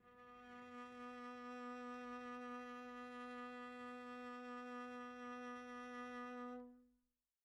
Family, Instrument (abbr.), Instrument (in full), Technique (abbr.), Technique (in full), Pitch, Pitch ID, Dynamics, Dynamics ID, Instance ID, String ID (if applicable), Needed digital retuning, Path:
Strings, Vc, Cello, ord, ordinario, B3, 59, pp, 0, 0, 1, FALSE, Strings/Violoncello/ordinario/Vc-ord-B3-pp-1c-N.wav